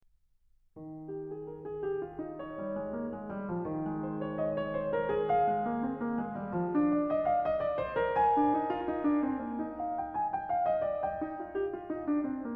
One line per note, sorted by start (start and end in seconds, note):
0.73 11.03 D#3
1.08 1.26 G4
1.26 1.46 G#4
1.46 1.62 A#4
1.62 1.85 G#4
1.85 2.02 G4
2.02 2.18 F4
2.18 4.24 D#4
2.36 4.05 C#5
2.52 2.73 G3
2.73 2.89 G#3
2.89 3.16 A#3
3.16 3.34 G#3
3.34 3.51 G3
3.51 3.69 F3
3.69 3.89 D#3
3.89 5.46 G#3
4.05 4.24 C5
4.24 4.41 C#5
4.41 4.59 D#5
4.59 4.77 C#5
4.77 4.93 C5
4.93 5.11 A#4
5.11 7.09 G#4
5.30 6.87 F5
5.48 5.65 G#3
5.65 5.83 A#3
5.83 6.02 C4
6.02 6.21 A#3
6.21 6.38 G#3
6.38 6.51 G3
6.51 6.70 F3
6.70 8.34 D4
6.87 7.09 D5
7.09 7.27 D#5
7.27 7.43 F5
7.43 7.59 D#5
7.59 7.78 D5
7.78 7.98 C5
7.98 10.00 A#4
8.20 9.82 G#5
8.37 8.59 D4
8.59 8.75 D#4
8.75 8.94 F4
8.94 9.09 D#4
9.09 9.28 D4
9.28 9.48 C4
9.48 9.65 A#3
9.65 11.18 D#4
9.82 10.00 F5
10.00 10.13 G5
10.13 10.32 G#5
10.32 10.52 G5
10.52 10.69 F5
10.69 10.84 D#5
10.84 11.03 D5
11.03 12.51 D#5
11.03 12.51 G5
11.23 11.45 D#4
11.45 11.57 F4
11.57 11.75 G4
11.75 11.93 F4
11.93 12.10 D#4
12.10 12.26 D4
12.26 12.42 C4
12.42 12.55 A#3